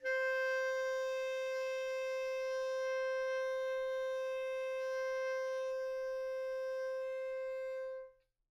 <region> pitch_keycenter=72 lokey=72 hikey=73 volume=20.642238 offset=185 lovel=0 hivel=83 ampeg_attack=0.004000 ampeg_release=0.500000 sample=Aerophones/Reed Aerophones/Tenor Saxophone/Non-Vibrato/Tenor_NV_Main_C4_vl2_rr1.wav